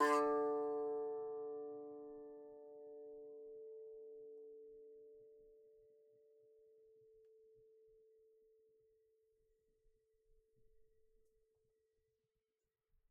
<region> pitch_keycenter=50 lokey=48 hikey=51 volume=4.926087 lovel=66 hivel=99 ampeg_attack=0.004000 ampeg_release=15.000000 sample=Chordophones/Composite Chordophones/Strumstick/Finger/Strumstick_Finger_Str1_Main_D2_vl2_rr1.wav